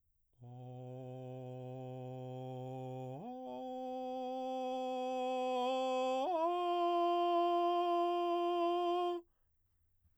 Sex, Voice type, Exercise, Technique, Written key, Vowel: male, baritone, long tones, straight tone, , o